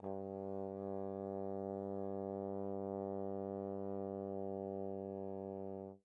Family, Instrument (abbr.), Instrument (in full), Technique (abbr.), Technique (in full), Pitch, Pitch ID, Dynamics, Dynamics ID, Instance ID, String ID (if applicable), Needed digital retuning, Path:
Brass, Tbn, Trombone, ord, ordinario, G2, 43, pp, 0, 0, , FALSE, Brass/Trombone/ordinario/Tbn-ord-G2-pp-N-N.wav